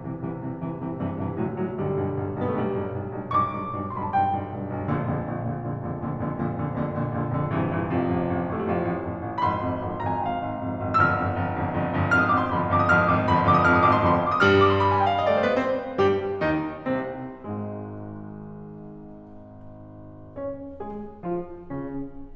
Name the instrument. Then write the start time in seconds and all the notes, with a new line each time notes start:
piano
0.00 C2 G2 C3 E3
0.21 C2 G2 C3 E3
0.41 C2 G2 C3 E3
0.65 C2 G2 C3 E3
0.82 C2 G2 C3 E3
1.11 C2 G2 C3 E3
1.35 C2 A2 D3 F#3
1.56 C2 A2 D3 F#3
1.76 B1 G2 D3 G3
2.01 B1 G2
2.19 B1 G2
2.35 B1 G2 B3
2.44 A3
2.55 B1 G2 G3
2.74 B1 G2
2.90 B1 G2
3.04 B1 G2
3.26 B1 G2 C#6
3.38 D6
3.47 B1 G2
3.75 B1 G2
3.84 C6
3.96 B1 G2 B5
4.05 A5
4.16 B1 G2 G5
4.39 B1 G2
4.57 B1 G2
4.77 B1 G2
4.97 A#1 F2 A#2 D3
5.21 A#1 F2 A#2 D3
5.41 A#1 F2 A#2 D3
5.62 A#1 F2 A#2 D3
5.83 A#1 F2 A#2 D3
5.97 A#1 F2 A#2 D3
6.14 A#1 F2 A#2 D3
6.28 A#1 F2 A#2 D3
6.46 A#1 F2 A#2 D3
6.62 A#1 F2 A#2 D3
6.78 A#1 F2 A#2 D3
6.95 A#1 F2 A#2 D3
7.15 A#1 F2 A#2 D3
7.35 A#1 F2 A#2 D3
7.55 A#1 G2 C3 E3
7.74 A#1 G2 C3 E3
7.93 A1 F2 C3 F3
8.15 A1 F2
8.37 A1 F2
8.53 A1 F2 A3
8.63 G3
8.71 A1 F2 F3
8.84 A1 F2
9.08 A1 F2
9.26 A1 F2
9.42 G1 F2 B5
9.52 C6
9.61 G1 F2
9.87 G1 F2
9.97 A#5
10.05 G1 F2 G#5
10.17 G5
10.30 G1 F2 F5
10.46 G1 F2
10.67 G#1 F2
10.83 G#1 F2
11.01 G1 F2 E6
11.10 F6
11.19 G1 F2
11.38 G1 F2
11.58 G1 F2
11.78 G1 F2
11.95 G1 F2
12.14 G#1 F2 F6
12.21 D#6
12.31 G#1 F2 D6
12.40 C6
12.50 G1 F2 B5
12.59 C6
12.69 G1 F2 D6
12.78 D#6
12.85 G1 F2 F6
12.96 D#6
13.05 G1 F2 D6
13.17 C6
13.27 G1 F2 B5
13.34 C6
13.40 G1 F2 D6
13.50 D#6
13.60 G#1 F2 F6
13.72 D#6
13.82 G#1 F2 D6
13.92 C6
14.01 G1 F2 B5
14.12 C6
14.22 D6
14.33 D#6
14.41 G2 G3 F6
14.54 D#6
14.62 D6
14.73 C6
14.78 B5
14.87 G#5
14.97 G5
15.06 F5
15.16 D#5
15.27 D5
15.38 A3 C5
15.49 B3 B4
15.57 C4 C5
15.99 G2 G3 G4
16.42 D#2 D#3 D#4
16.86 C2 C3 C4
17.50 G#1 G#2 G#3
20.38 C#4 C#5
20.79 G#3 G#4
21.27 F3 F4
21.72 C#3 C#4